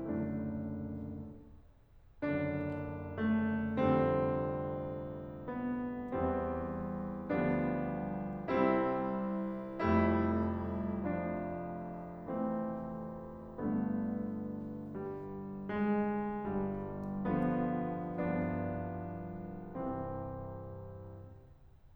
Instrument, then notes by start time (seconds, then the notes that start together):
piano
0.01 F#1 F#2 D3 A3 D4
2.25 F#1 F#2 D3 D4
3.31 A3
3.70 F1 F2 D3 G3 C4
5.51 B3
6.14 E2 E3 G3 C4
7.26 D2 D3 F3 G3 B3 D4
8.50 C2 C3 G3 C4 E4
9.86 F1 F2 G3 A3 E4
11.08 F3 D4
12.41 E3 A3 C4
13.61 G1 G2 D3 A3 B3
14.95 G3
15.69 G#3
16.52 G1 G2 G3
17.30 D3 F3 B3
18.06 C2 G2 F3 B3 D4
19.87 C3 E3 C4